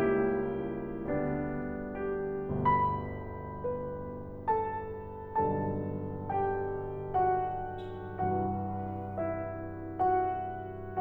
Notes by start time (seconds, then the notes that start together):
0.01 C#2 C#3 G3 A#3 E4 G4
1.09 D2 D3 G3 B3 D4
2.50 G1 D2 B2 B4
2.67 B5
3.72 B4
4.48 A4 A5
5.36 B1 G2 D3 A4 A5
6.33 G4 G5
7.17 F#4 F#5
8.27 C2 G2 E3 F#4 F#5
9.11 E4 E5
10.01 F#4 F#5